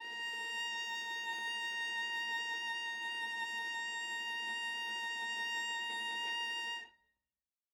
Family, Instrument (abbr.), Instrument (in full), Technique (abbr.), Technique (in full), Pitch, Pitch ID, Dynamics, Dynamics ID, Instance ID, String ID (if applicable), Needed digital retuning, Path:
Strings, Va, Viola, ord, ordinario, A#5, 82, ff, 4, 1, 2, FALSE, Strings/Viola/ordinario/Va-ord-A#5-ff-2c-N.wav